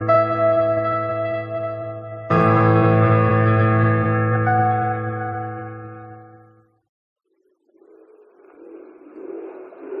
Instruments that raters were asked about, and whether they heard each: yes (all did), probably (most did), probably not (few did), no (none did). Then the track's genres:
piano: yes
Radio